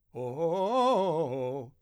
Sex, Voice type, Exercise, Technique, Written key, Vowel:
male, , arpeggios, fast/articulated forte, C major, o